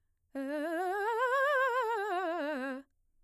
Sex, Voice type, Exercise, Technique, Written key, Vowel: female, mezzo-soprano, scales, fast/articulated piano, C major, e